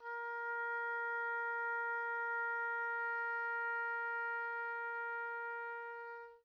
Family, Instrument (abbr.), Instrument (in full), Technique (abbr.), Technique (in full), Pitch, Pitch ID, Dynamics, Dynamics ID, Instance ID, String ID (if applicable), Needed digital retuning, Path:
Winds, Ob, Oboe, ord, ordinario, A#4, 70, pp, 0, 0, , FALSE, Winds/Oboe/ordinario/Ob-ord-A#4-pp-N-N.wav